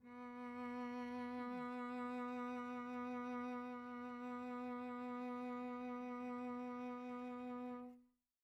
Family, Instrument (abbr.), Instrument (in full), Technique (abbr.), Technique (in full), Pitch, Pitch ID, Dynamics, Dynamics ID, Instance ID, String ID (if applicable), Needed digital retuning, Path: Strings, Vc, Cello, ord, ordinario, B3, 59, pp, 0, 2, 3, FALSE, Strings/Violoncello/ordinario/Vc-ord-B3-pp-3c-N.wav